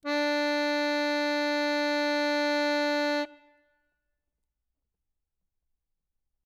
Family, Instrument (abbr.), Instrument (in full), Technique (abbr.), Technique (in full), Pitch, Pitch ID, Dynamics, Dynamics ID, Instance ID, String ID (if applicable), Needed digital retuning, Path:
Keyboards, Acc, Accordion, ord, ordinario, D4, 62, ff, 4, 1, , FALSE, Keyboards/Accordion/ordinario/Acc-ord-D4-ff-alt1-N.wav